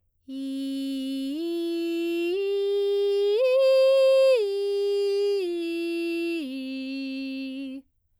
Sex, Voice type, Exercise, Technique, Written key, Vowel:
female, soprano, arpeggios, straight tone, , i